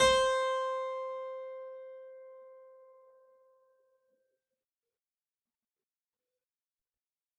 <region> pitch_keycenter=72 lokey=72 hikey=72 volume=-1.448809 trigger=attack ampeg_attack=0.004000 ampeg_release=0.400000 amp_veltrack=0 sample=Chordophones/Zithers/Harpsichord, Unk/Sustains/Harpsi4_Sus_Main_C4_rr1.wav